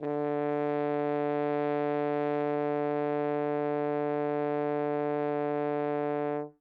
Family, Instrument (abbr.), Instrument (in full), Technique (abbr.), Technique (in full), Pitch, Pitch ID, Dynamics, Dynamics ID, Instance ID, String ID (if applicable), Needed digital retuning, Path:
Brass, Hn, French Horn, ord, ordinario, D3, 50, ff, 4, 0, , FALSE, Brass/Horn/ordinario/Hn-ord-D3-ff-N-N.wav